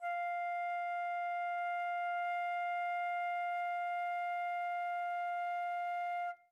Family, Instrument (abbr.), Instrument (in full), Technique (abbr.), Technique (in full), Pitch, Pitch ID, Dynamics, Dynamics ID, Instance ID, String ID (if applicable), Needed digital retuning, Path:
Winds, Fl, Flute, ord, ordinario, F5, 77, mf, 2, 0, , FALSE, Winds/Flute/ordinario/Fl-ord-F5-mf-N-N.wav